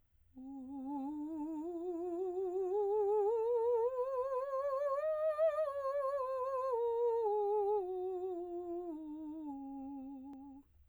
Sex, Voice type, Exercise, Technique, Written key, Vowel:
female, soprano, scales, slow/legato piano, C major, u